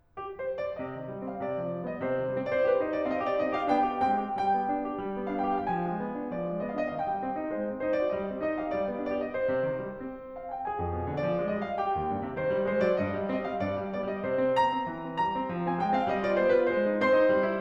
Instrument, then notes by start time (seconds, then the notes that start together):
piano
0.16 G4
0.40 C5
0.60 D5
0.81 C3 D#5
0.98 D#3
1.11 G3
1.25 C4 F5
1.40 C3 D5
1.60 F3
1.77 G3
1.91 B3 D#5
2.04 C3 C5
2.17 D#3
2.32 G3
2.39 C4
2.51 D#4 C5 D5
2.65 G4 B4
2.80 D#4 C5
2.93 D4 D5
3.07 C4 D#5 F5
3.24 G4 D5
3.41 C4 D#4 D#5
3.55 G4 F5
3.71 B3 D4 G5
3.88 G4
4.06 G#3 C4 G5
4.20 G4
4.42 G3 G5
4.56 B3
4.71 D4
4.85 G4
5.00 G3
5.14 B3
5.29 D4 F5
5.51 G4 G5
5.67 F3 F5
5.74 G5
5.82 G#3 G#5
5.98 B3
6.17 D4
6.33 F3 D5
6.47 G#3
6.61 B3 D#5
6.74 D4 F5
6.91 D#3 D#5
6.98 F5
7.05 G#3 G5
7.23 C4
7.39 D#4
7.55 G#3 C5
7.71 C4
7.85 D#4 C5
7.99 F#4 D5
8.12 G3 D#5
8.27 C4
8.40 D#4 D#5
8.56 G4 F5
8.72 G3 D5
8.88 B3
9.04 D4 D5
9.22 G4 D#5
9.36 C5
9.54 C3
9.70 D#3
9.84 G3
10.00 C4
10.39 F5
10.50 G5
10.64 G#4 G#5
10.78 F2
10.92 B2
11.06 D3
11.19 F3 D5
11.34 G#3
11.50 G3 D#5
11.63 F3 F5
11.79 G4 G5
11.95 D#2
12.13 G2
12.27 C3
12.37 D#3 C5
12.50 G3
12.64 G#3 C5
12.80 F#3 D5
12.95 G2 D#5
13.10 G3
13.25 C4 D#5
13.43 G3 F5
13.61 G2 D5
13.79 G3
13.94 B3 D5
14.09 G3 D#5
14.20 C3 C5
14.39 C4
14.58 B3 A#5
14.75 C4
14.89 E3
15.06 C4
15.18 G3 A#5
15.33 C4
15.49 F3
15.64 C4 G#5
15.76 G#3 G5
15.91 C4 F5
16.07 G3 D#5
16.25 F4 D5
16.42 B3 C5
16.57 F4 B4
16.72 G#3 C5
16.85 D#4
16.98 C4 C5 C6
17.18 D#4
17.34 G3
17.53 E4